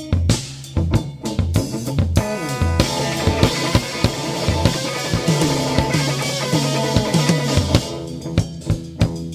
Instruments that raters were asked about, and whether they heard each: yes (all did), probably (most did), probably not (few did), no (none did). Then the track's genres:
drums: yes
banjo: no
cymbals: yes
Loud-Rock; Experimental Pop